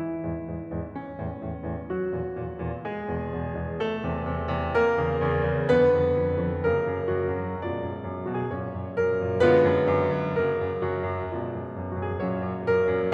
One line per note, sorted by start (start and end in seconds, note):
0.01 0.93 E3
0.01 0.93 E4
0.25 0.48 E2
0.25 0.48 G#2
0.49 0.73 E2
0.49 0.73 G#2
0.73 0.93 E2
0.73 0.93 G#2
0.93 1.86 C#4
1.17 1.40 E2
1.17 1.40 A2
1.40 1.62 E2
1.40 1.62 A2
1.65 1.86 E2
1.65 1.86 A2
1.86 2.86 F#3
1.86 2.86 F#4
2.14 2.35 E2
2.14 2.35 A#2
2.35 2.57 E2
2.35 2.57 A#2
2.58 2.86 E2
2.58 2.86 A#2
2.86 3.80 G#3
2.86 3.80 G#4
3.12 3.30 E2
3.12 3.30 B2
3.30 3.55 E2
3.30 3.55 B2
3.55 3.80 E2
3.55 3.80 B2
3.80 4.74 A3
3.80 4.74 A4
4.01 4.28 E2
4.01 4.28 C3
4.28 4.49 E2
4.28 4.49 C3
4.49 4.74 E2
4.49 4.74 C3
4.75 5.67 A#3
4.75 5.67 A#4
5.04 5.28 E2
5.04 5.28 C#3
5.29 5.49 E2
5.29 5.49 C#3
5.49 5.67 E2
5.49 5.67 C#3
5.68 5.88 F2
5.68 6.65 D#3
5.68 6.65 B3
5.68 6.65 B4
5.88 6.15 F2
6.16 6.41 F2
6.41 6.65 F2
6.65 6.87 F#2
6.65 7.60 C#3
6.65 7.60 A#3
6.65 7.09 A#4
6.87 7.09 F#2
7.09 7.34 F#2
7.09 7.60 F#4
7.37 7.60 F#2
7.60 7.77 F#2
7.60 8.45 B2
7.60 8.45 G#3
7.60 8.20 F4
7.60 8.45 D5
7.78 7.97 F#2
7.97 8.20 F#2
8.21 8.45 F#2
8.21 8.33 F#4
8.33 8.45 G#4
8.45 8.72 F#2
8.45 9.36 A#2
8.45 9.36 F#3
8.45 9.36 C#4
8.45 8.98 C#5
8.75 8.98 F#2
8.98 9.18 F#2
8.98 9.36 A#4
9.18 9.36 F#2
9.36 9.57 F#2
9.36 10.34 D3
9.36 10.34 G#3
9.36 10.34 B3
9.36 10.34 F4
9.36 10.34 B4
9.57 9.80 F#2
9.82 10.08 F#2
10.08 10.34 F#2
10.35 10.64 F#2
10.35 11.37 C#3
10.35 11.37 A#3
10.35 10.86 A#4
10.64 10.86 F#2
10.88 11.17 F#2
10.88 11.37 F#4
11.17 11.37 F#2
11.38 11.56 F#2
11.38 12.18 B2
11.38 12.18 G#3
11.38 11.93 F4
11.38 12.18 D5
11.56 11.76 F#2
11.77 11.93 F#2
11.93 12.18 F#2
11.93 12.06 F#4
12.06 12.18 G#4
12.18 12.41 F#2
12.18 13.14 A#2
12.18 13.14 F#3
12.18 13.14 C#4
12.18 12.65 C#5
12.42 12.65 F#2
12.65 12.87 F#2
12.65 13.14 A#4
12.89 13.14 F#2